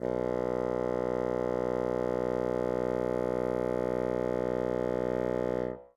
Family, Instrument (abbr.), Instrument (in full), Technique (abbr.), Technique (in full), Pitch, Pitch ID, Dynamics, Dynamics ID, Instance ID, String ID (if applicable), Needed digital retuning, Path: Winds, Bn, Bassoon, ord, ordinario, B1, 35, ff, 4, 0, , FALSE, Winds/Bassoon/ordinario/Bn-ord-B1-ff-N-N.wav